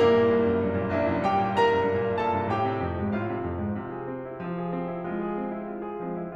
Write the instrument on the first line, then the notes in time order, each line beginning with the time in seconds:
piano
0.00 G2 A#3 E4 G4 A#4
0.14 A#2
0.33 C2
0.44 F#2
0.60 G2
0.75 A#2
0.89 C2 E4 E5
1.03 F#2
1.18 G2 G4 G5
1.38 A#2
1.56 C2 A#4 A#5
1.68 F#2
1.86 G2
2.00 A#2
2.15 C2 A4 A5
2.33 G2
2.50 A2 G4 G5
2.65 C3
2.83 F2
3.00 G#2
3.12 A2 F4 F5
3.29 C3
3.44 F2
3.60 G#2
3.77 C3 F4
3.92 G#4
4.06 C4
4.24 E4
4.40 F3 F4
4.55 G#4
4.73 C4
4.91 E4
5.06 G#3 F4
5.22 G#4
5.40 C4
5.56 E4
5.69 F4
5.82 G#4
5.97 F3 G#3 C4
6.16 E4